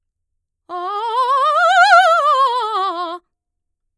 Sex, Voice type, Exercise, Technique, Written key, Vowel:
female, mezzo-soprano, scales, fast/articulated forte, F major, a